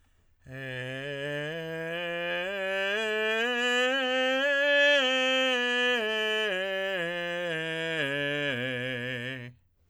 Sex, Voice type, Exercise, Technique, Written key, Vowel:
male, tenor, scales, straight tone, , e